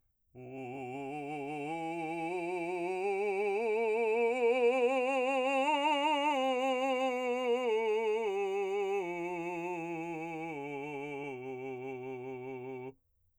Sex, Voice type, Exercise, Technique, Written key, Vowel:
male, , scales, slow/legato forte, C major, u